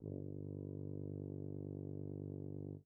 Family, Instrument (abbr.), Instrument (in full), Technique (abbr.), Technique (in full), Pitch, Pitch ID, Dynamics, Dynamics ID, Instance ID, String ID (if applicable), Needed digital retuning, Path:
Brass, BTb, Bass Tuba, ord, ordinario, G1, 31, mf, 2, 0, , FALSE, Brass/Bass_Tuba/ordinario/BTb-ord-G1-mf-N-N.wav